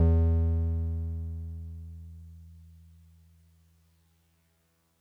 <region> pitch_keycenter=40 lokey=39 hikey=42 volume=8.000068 lovel=100 hivel=127 ampeg_attack=0.004000 ampeg_release=0.100000 sample=Electrophones/TX81Z/Piano 1/Piano 1_E1_vl3.wav